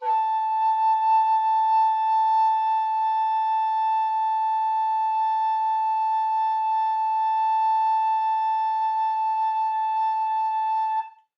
<region> pitch_keycenter=81 lokey=81 hikey=82 tune=-1 volume=9.004677 offset=486 ampeg_attack=0.004000 ampeg_release=0.300000 sample=Aerophones/Edge-blown Aerophones/Baroque Tenor Recorder/Sustain/TenRecorder_Sus_A4_rr1_Main.wav